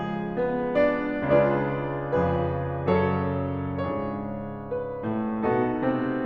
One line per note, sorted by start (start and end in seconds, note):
0.01 0.38 G#3
0.01 0.38 G#4
0.39 0.81 B3
0.39 0.81 B4
0.82 1.25 D4
0.82 1.25 D5
1.28 2.14 C#2
1.28 2.14 C#3
1.28 2.14 D4
1.28 2.14 F4
1.28 2.14 G#4
1.28 2.93 D5
2.15 2.93 F2
2.15 2.93 C#3
2.15 2.93 F3
2.15 2.93 G#4
2.15 2.93 B4
2.95 3.76 F#2
2.95 3.76 C#3
2.95 3.76 F#3
2.95 3.76 A4
2.95 3.76 C#5
3.77 5.06 G#2
3.77 5.06 C#3
3.77 5.06 G#3
3.77 5.45 D4
3.77 5.45 F4
3.77 5.45 G#4
3.77 4.64 C#5
4.66 5.45 B4
5.07 5.45 A2
5.07 5.45 A3
5.47 5.83 B2
5.47 5.83 B3
5.47 6.25 D#4
5.47 6.25 F#4
5.47 6.25 A4
5.85 6.25 C3
5.85 6.25 C4